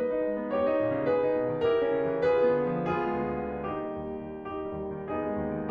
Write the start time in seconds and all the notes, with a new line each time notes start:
0.00 B4 D#5
0.15 D#4
0.27 G#3
0.38 B3
0.56 G4 C#5
0.72 D#4
0.80 A#2
0.96 C#3
1.06 G#4 B4
1.25 D#4
1.37 B2
1.50 D#3
1.60 E4 G4 A#4
1.73 C#4
1.89 C#3
2.05 E3
2.28 F4 G#4 B4
2.41 B3
2.60 D3
2.76 F3
2.88 B3 F4 G#4
3.03 G#3
3.19 D2
3.48 D3
3.70 A#3 D#4 G4
3.82 G3
4.04 D#2
4.33 D#3
4.48 A#3 D#4 G4
4.60 G3
4.77 D#2
4.95 D#3
5.07 B3 D#4 G#4
5.24 G#3
5.40 G#2
5.54 D#3